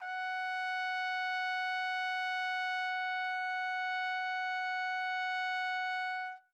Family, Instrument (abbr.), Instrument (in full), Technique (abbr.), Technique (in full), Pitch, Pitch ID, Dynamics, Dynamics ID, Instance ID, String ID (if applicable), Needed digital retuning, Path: Brass, TpC, Trumpet in C, ord, ordinario, F#5, 78, mf, 2, 0, , TRUE, Brass/Trumpet_C/ordinario/TpC-ord-F#5-mf-N-T10d.wav